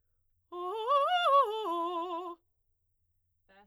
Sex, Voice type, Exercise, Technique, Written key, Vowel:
female, soprano, arpeggios, fast/articulated forte, F major, o